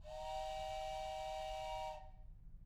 <region> pitch_keycenter=64 lokey=64 hikey=64 volume=15.000000 ampeg_attack=0.004000 ampeg_release=30.000000 sample=Aerophones/Edge-blown Aerophones/Train Whistle, Toy/Main_TrainLow_Sus-001.wav